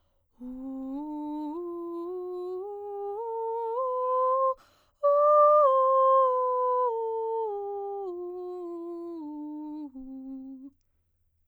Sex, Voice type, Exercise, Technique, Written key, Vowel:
female, soprano, scales, breathy, , u